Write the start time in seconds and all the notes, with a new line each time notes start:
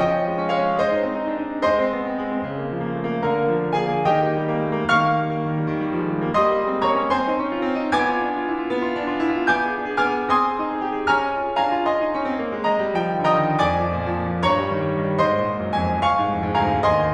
0.00 F3 D#5 G5
0.14 C#4
0.26 G#3
0.38 C#4
0.46 G#3 C#5 F5
0.58 C#4
0.68 G#3 C5 D#5
0.85 D#4
1.03 C4
1.22 D#4
1.35 D4
1.45 D#4
1.65 G#3 C5 D#5 C6
1.76 C4
1.94 B3
2.05 C4
2.21 G#3
2.36 C4
2.51 C#3 F5
2.62 A#3
2.86 F3
2.97 A#3
3.08 A3
3.19 A#3
3.30 C#3 A#4 A#5
3.41 A#3
3.54 F3
3.68 A#3
3.80 C#3 G#4 F5 G#5
3.90 A#3
4.05 D#3 G4 D#5 G5
4.18 A#3
4.35 G3
4.53 A#3
4.69 A3
4.82 A#3
4.92 D#3 F5 C#6 F6
5.07 A#3
5.20 G3
5.31 A#3
5.43 D#3
5.58 G3
5.70 D#3
5.80 G3
5.96 F3
6.10 G#3
6.18 G3
6.27 A#3
6.39 G3 D#5 C6 D#6
6.50 A#3
6.59 G#3
6.71 C4
6.83 A#3 C#5 A#5 C#6
6.95 C#4
7.09 C4 C5 G#5 C6
7.21 D#4
7.38 C#4
7.55 F4
7.67 C4
7.81 D#4
7.94 B3 G#5 D6 G#6
8.06 F4
8.17 D4
8.30 F4
8.42 E4
8.52 F4
8.65 B3
8.85 F4
8.96 D4
9.10 F4
9.28 D#4
9.42 F4
9.53 B3 G#5 C#6 G6
9.67 G#4
9.76 D4
9.86 G#4
9.96 B3 G#5 C#6 F6
10.10 G#4
10.22 C4 G#5 C6 D#6
10.39 G#4
10.58 D#4
10.67 G#4
10.79 G4
10.91 G#4
11.10 C#4 G#5 A#5 F6
11.24 G#4
11.35 F4
11.48 G#4
11.60 D4 F5 G#5 A#5
11.87 F4 D#5 G#5 C6
11.99 D#4
12.12 C#4
12.27 C4
12.39 A#3
12.53 G#3
12.67 D#5 A#5
12.82 G3
12.96 F3 G5
13.11 D#3
13.24 D3 D#5 G5 A#5 D#6
13.39 D#3
13.62 F2 D5 G#5 D6
13.76 F3
13.96 A#2
14.09 F3
14.21 A#2
14.29 F3
14.45 G2 C#5 A#5 C#6
14.62 G3
14.73 D#3
14.83 G3
14.97 D#3
15.09 G3
15.26 G#2 C5 D#5 C6
15.38 A#2
15.50 G#2
15.60 F#2
15.72 F2 G#5
15.88 D#2
16.01 C#2 F5 G#5 C#6
16.20 G#2
16.36 F2
16.45 G#2
16.59 D2 F5 G#5 A#5
16.73 G#2
16.85 D#2 D#5 G#5 C6
17.03 D#3